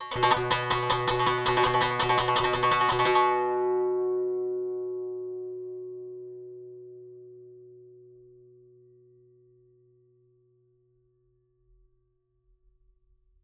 <region> pitch_keycenter=47 lokey=47 hikey=48 volume=5.414925 offset=55 ampeg_attack=0.004000 ampeg_release=0.300000 sample=Chordophones/Zithers/Dan Tranh/Tremolo/B1_Trem_1.wav